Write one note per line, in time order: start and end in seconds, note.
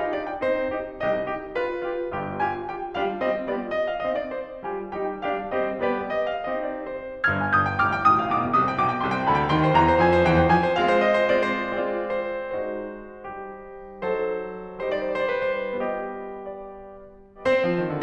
0.01 0.12 D#4
0.01 0.12 D#5
0.12 0.28 D4
0.12 0.28 D5
0.28 0.42 G4
0.28 0.42 G5
0.43 1.02 C4
0.43 0.79 D#4
0.43 0.79 G4
0.43 1.02 C5
0.79 1.02 D#4
0.79 1.02 G4
1.02 1.54 C2
1.02 1.54 C3
1.02 1.32 D#4
1.02 1.32 G4
1.02 1.54 D#5
1.33 1.54 D#4
1.33 1.54 G4
1.54 1.85 F4
1.54 1.85 G4
1.54 2.38 B4
1.85 2.12 F4
1.85 2.12 G4
2.13 2.61 G1
2.13 2.61 G2
2.13 2.38 F4
2.13 2.38 G4
2.39 2.61 F4
2.39 2.61 G4
2.39 2.61 G#5
2.61 2.91 F4
2.61 2.91 G4
2.61 2.91 G5
2.92 3.25 G3
2.92 3.25 D4
2.92 3.25 F4
2.92 3.25 G4
2.92 3.25 F5
3.25 3.49 G3
3.25 3.49 C4
3.25 3.49 F4
3.25 3.49 G4
3.25 3.49 D#5
3.50 3.71 G3
3.50 3.71 B3
3.50 3.71 F4
3.50 3.71 G4
3.50 3.71 D5
3.71 3.85 D#5
3.86 4.00 F5
4.01 4.18 D#5
4.18 4.30 D5
4.30 4.58 C4
4.30 4.58 D#4
4.30 4.58 G4
4.30 4.58 C5
4.59 4.89 G3
4.59 4.89 F4
4.59 4.89 G4
4.59 4.89 G#5
4.89 5.19 G3
4.89 5.19 D#4
4.89 5.19 G4
4.89 5.19 G5
5.20 5.47 G3
5.20 5.47 D4
5.20 5.47 G4
5.20 5.47 B4
5.20 5.47 F5
5.47 5.73 G3
5.47 5.73 C4
5.47 5.73 G4
5.47 5.73 C5
5.47 5.73 D#5
5.76 6.15 G3
5.76 6.15 B3
5.76 6.15 G4
5.76 6.15 D5
6.15 6.30 D#5
6.30 6.46 F5
6.46 7.22 C4
6.46 7.22 D#4
6.46 7.22 G4
6.46 6.65 D#5
6.66 6.84 D5
6.85 7.22 C5
7.23 7.78 G1
7.23 7.78 G2
7.23 7.38 F6
7.23 7.53 G#6
7.38 7.53 G5
7.54 7.65 D#6
7.54 7.78 G6
7.66 7.78 G5
7.78 8.08 G1
7.78 8.08 G2
7.78 7.95 D6
7.78 8.08 F6
7.95 8.08 G5
8.08 8.34 A1
8.08 8.34 A2
8.08 8.22 C6
8.08 8.34 D#6
8.23 8.34 G5
8.36 8.59 B1
8.36 8.59 B2
8.36 8.59 D6
8.46 8.59 G5
8.46 8.59 G#5
8.59 8.81 C2
8.59 8.81 C3
8.59 8.81 D#6
8.72 8.81 G5
8.82 9.04 B1
8.82 9.04 B2
8.82 9.04 D6
8.93 9.04 G5
9.04 9.30 C2
9.04 9.30 C3
9.04 9.30 C6
9.17 9.30 G5
9.31 9.54 D2
9.31 9.54 D3
9.31 9.54 B5
9.42 9.54 G5
9.54 9.74 D#2
9.54 9.74 D#3
9.54 9.65 G5
9.54 9.74 C6
9.65 9.74 C5
9.74 9.97 D#2
9.74 9.97 D#3
9.74 9.84 G5
9.74 9.97 A#5
9.85 9.97 C5
9.97 10.26 F2
9.97 10.26 F3
9.97 10.26 G#5
10.11 10.26 C5
10.27 10.47 D#2
10.27 10.47 D#3
10.27 10.47 G5
10.39 10.47 C5
10.47 10.75 F2
10.47 10.75 F3
10.47 10.75 G#5
10.62 10.75 C5
10.77 11.34 G#3
10.77 11.34 C4
10.77 11.34 F4
10.77 11.04 F5
10.91 11.04 C5
11.04 11.34 D#5
11.19 11.34 C5
11.34 11.72 G#3
11.34 11.72 C4
11.34 11.72 F4
11.34 11.72 D5
11.51 11.72 C5
11.72 12.66 G#3
11.72 12.66 C4
11.72 12.66 F4
11.72 12.07 D5
12.07 12.66 C5
12.68 13.23 G#3
12.68 14.09 D#4
12.68 13.23 F#4
12.68 14.09 C5
13.24 14.09 G3
13.24 14.09 G4
14.09 14.88 F#3
14.09 14.88 D#4
14.09 14.88 A4
14.09 14.88 C5
14.89 15.72 G3
14.89 15.72 D#4
14.89 15.72 G4
14.89 15.08 C5
14.99 15.18 D5
15.09 15.26 C5
15.18 15.37 D5
15.26 15.46 C5
15.38 15.58 D5
15.47 15.72 C5
15.59 15.81 D5
15.73 17.63 G3
15.73 17.40 B3
15.73 17.40 F4
15.73 16.44 D#5
16.45 17.40 D5
17.40 18.03 C4
17.40 18.03 C5
17.64 17.81 F3
17.81 17.91 D#3
17.91 18.03 D3